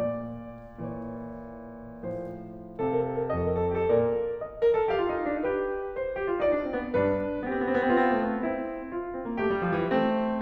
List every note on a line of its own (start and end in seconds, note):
0.00 0.79 A#2
0.00 0.79 A#3
0.00 0.79 D5
0.79 2.09 A#2
0.79 2.09 E3
0.79 2.09 C#5
2.16 2.86 A2
2.16 2.86 F3
2.16 2.53 C5
2.86 3.44 C3
2.86 2.95 A4
2.86 3.44 F5
2.91 3.00 A#4
2.97 3.17 A4
3.13 3.22 A#4
3.18 3.25 A4
3.23 3.31 A#4
3.27 3.42 A4
3.32 3.47 A#4
3.44 3.88 F2
3.44 3.53 A4
3.44 3.88 D#5
3.49 3.59 A#4
3.54 3.63 A4
3.60 3.69 A#4
3.66 3.74 A4
3.70 3.78 A#4
3.75 3.84 G4
3.82 3.91 A4
3.88 4.39 A#2
3.88 4.39 A#4
3.88 4.39 D5
4.39 4.89 D#5
4.62 4.76 A#4
4.76 4.89 A4
4.90 4.99 G4
4.90 5.45 F5
4.99 5.14 F4
5.14 5.32 D#4
5.33 5.45 D4
5.45 5.94 G4
5.45 5.94 B4
5.96 6.41 C5
6.15 6.27 G4
6.28 6.41 F4
6.41 6.51 D#4
6.41 6.95 D5
6.52 6.64 D4
6.64 6.75 C4
6.75 6.95 B3
6.97 7.44 G2
6.97 7.44 D4
6.97 7.21 B4
7.44 7.53 B3
7.44 7.91 G4
7.49 7.59 C4
7.56 7.64 B3
7.60 7.69 C4
7.65 7.76 B3
7.73 7.84 C4
7.78 7.89 B3
7.85 7.95 C4
7.92 8.02 B3
7.92 8.46 F4
7.98 8.07 C4
8.03 8.12 B3
8.08 8.17 C4
8.14 8.23 B3
8.20 8.28 C4
8.24 8.43 A3
8.39 8.50 B3
8.46 8.95 C4
8.46 8.95 E4
8.95 9.42 F4
9.17 9.31 C4
9.31 9.42 A#3
9.42 9.52 A3
9.42 9.94 G4
9.52 9.67 G3
9.67 9.76 F3
9.78 9.94 E3
9.94 10.41 A3
9.94 10.41 C4